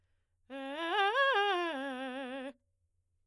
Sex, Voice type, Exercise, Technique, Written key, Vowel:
female, soprano, arpeggios, fast/articulated forte, C major, e